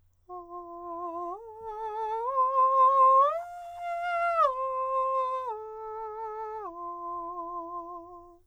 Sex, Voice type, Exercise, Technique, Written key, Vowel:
male, countertenor, arpeggios, slow/legato piano, F major, a